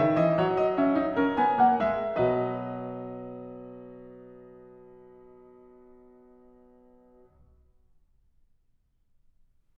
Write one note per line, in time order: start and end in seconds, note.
0.00 0.22 D#3
0.00 0.21 E5
0.21 0.42 E3
0.21 0.41 D#5
0.41 2.24 F#3
0.41 0.59 C#5
0.59 0.74 D#5
0.74 0.95 C#4
0.74 1.39 E5
0.95 1.18 D#4
1.17 1.40 C#4
1.17 2.24 A#4
1.39 1.66 B3
1.39 1.64 G#5
1.64 1.93 A#3
1.64 1.89 F#5
1.89 2.25 G#3
1.89 2.19 E5
2.19 7.40 D#5
2.24 7.41 B2
2.24 7.42 F#3
2.24 7.41 B4